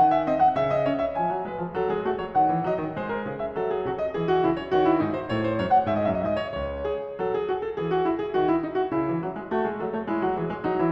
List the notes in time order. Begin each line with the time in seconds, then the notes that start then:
0.00 D#3 F#5
0.15 E5
0.31 C4 D#5
0.43 F#5
0.59 C#3 E5
0.72 D#5
0.87 C#4 C#5
1.01 E5
1.15 F3 G#5
1.32 F#3
1.46 G#3 B4
1.61 F3
1.78 F#3 A4
1.90 G#3 G#4
2.05 A3 F#4
2.23 F#3 A4
2.37 D#3 F#5
2.50 E3
2.66 F#3 D#5
2.81 D#3
2.96 G#3 C5
3.09 A#4
3.25 C#3 G#4
3.41 E5
3.56 F#3 A4
3.72 G#4
3.85 C3 F#4
4.03 D#5
4.17 E3 G#4
4.27 F#4
4.40 C#3 E4
4.56 C#5
4.74 D#3 F#4
4.88 E4
5.02 G#2 D#4
5.15 C5
5.31 A2 C#5
5.43 C5
5.56 F#2 C#5
5.71 F#5
5.90 G#2 E5
5.98 D#5
6.04 E5
6.08 F#2 D#5
6.15 E5
6.21 G#2 D#5
6.37 C#5
6.51 C#2 C#5
6.87 G#4
7.20 F#3 A4
7.37 G#4
7.51 F#4
7.63 A4
7.78 E3 G#4
7.92 F#4
8.05 E4
8.20 G#4
8.32 D#3 F#4
8.46 E4
8.61 D#4
8.74 F#4
8.92 C#3 E4
9.07 E3
9.22 F#3
9.36 G#3
9.51 A3 F#4
9.68 G#3 G#4
9.79 F#3 A4
9.90 A3 C#5
10.07 G#3 E4
10.18 F#3 F#4
10.37 E3 G#4
10.50 G#3 C#5
10.66 F#3 D#4
10.79 E3 E4